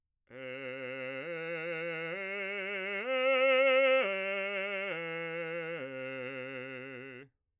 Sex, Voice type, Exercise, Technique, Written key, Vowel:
male, bass, arpeggios, slow/legato forte, C major, e